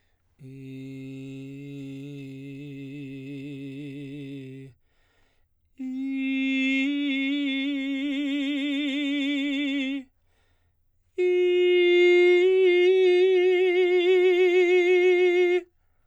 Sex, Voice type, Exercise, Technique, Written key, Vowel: male, baritone, long tones, trill (upper semitone), , i